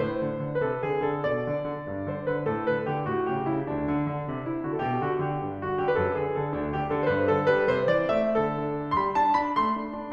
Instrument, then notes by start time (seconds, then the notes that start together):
piano
0.00 A2 C5
0.22 D3
0.42 D3
0.62 C3 B4
0.66 A4
0.84 D3 G#4
1.06 D3 A4
1.24 B2 D5
1.44 D3
1.66 D3
1.88 G2
2.10 D3 C5
2.29 D3 B4
2.47 A2 A4
2.67 D3 B4
2.87 D3 G4
3.07 A2 F#4
3.32 C#3 G4
3.49 C#3 E4
3.65 D2 D4
3.85 D3
4.05 D3
4.28 C3
4.47 D3 E4
4.64 D3 F#4
4.82 B2 A4
4.88 G4
5.02 D3 F#4
5.20 D3 G4
5.43 G2 D4
5.64 D3 F#4
5.79 D3 G4
5.94 F#2 B4
5.99 A4
6.14 D3 G#4
6.32 D3 A4
6.51 D2 D4
6.70 D3 G4
6.87 D3 A4
7.06 G2 C5
7.11 B4
7.28 D3 A4
7.50 G3 B4
7.70 C3 C5
7.87 E3 D5
8.10 A3 E5
8.43 D3 A4
8.64 D4
8.84 D4
9.02 G3 B5 C6
9.21 D4 A5
9.42 D4 B5
9.59 A3 C6
9.79 D4
9.97 D4